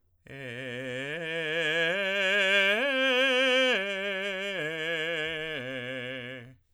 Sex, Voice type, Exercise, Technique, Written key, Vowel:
male, tenor, arpeggios, slow/legato forte, C major, e